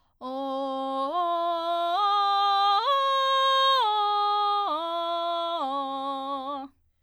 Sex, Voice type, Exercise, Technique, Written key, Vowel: female, soprano, arpeggios, belt, , o